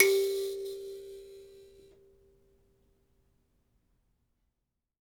<region> pitch_keycenter=67 lokey=67 hikey=67 tune=7 volume=5.503410 seq_position=2 seq_length=2 ampeg_attack=0.004000 ampeg_release=15.000000 sample=Idiophones/Plucked Idiophones/Mbira Mavembe (Gandanga), Zimbabwe, Low G/Mbira5_Normal_MainSpirit_G3_k16_vl2_rr1.wav